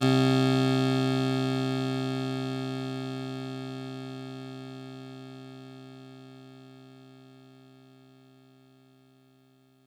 <region> pitch_keycenter=36 lokey=35 hikey=38 volume=6.334125 offset=99 lovel=100 hivel=127 ampeg_attack=0.004000 ampeg_release=0.100000 sample=Electrophones/TX81Z/Clavisynth/Clavisynth_C1_vl3.wav